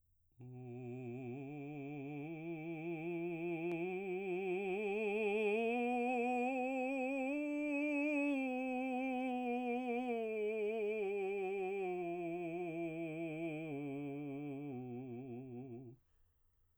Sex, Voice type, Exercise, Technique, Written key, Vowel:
male, baritone, scales, slow/legato piano, C major, u